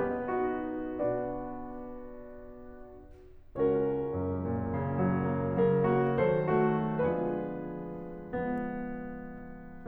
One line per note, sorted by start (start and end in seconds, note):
0.00 0.35 B3
0.00 0.35 B4
0.00 0.72 D#5
0.37 0.72 D#4
0.37 0.72 F#4
0.73 2.66 B2
0.73 2.66 B3
0.73 2.66 D4
0.73 2.66 F#4
0.73 2.66 B4
0.73 2.66 D5
3.58 5.05 C#2
3.58 5.68 C#4
3.58 5.68 F#4
3.58 5.68 A#4
3.58 6.10 C#5
3.96 5.36 F#2
4.44 5.68 A#2
4.77 5.68 C#3
5.09 5.68 F#3
5.39 5.68 A#3
5.69 6.20 C#3
5.69 5.93 F#3
5.69 5.93 A#4
5.96 6.20 A#3
5.96 6.20 F#4
6.21 6.90 D#3
6.21 6.55 F#3
6.21 6.55 A4
6.21 6.90 C5
6.58 6.90 A3
6.58 6.90 F#4
6.91 8.14 D3
6.91 8.14 F3
6.91 8.14 G#3
6.91 8.14 B3
6.91 8.14 D4
6.91 8.14 F4
6.91 8.14 G#4
6.91 8.14 B4
8.16 9.87 D3
8.16 9.87 F3
8.16 9.87 G#3
8.16 9.87 B3